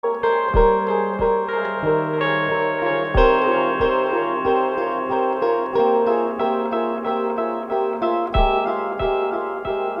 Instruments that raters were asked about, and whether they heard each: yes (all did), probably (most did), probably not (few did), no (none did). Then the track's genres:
ukulele: probably
piano: yes
mandolin: probably
Ambient; Minimalism; Instrumental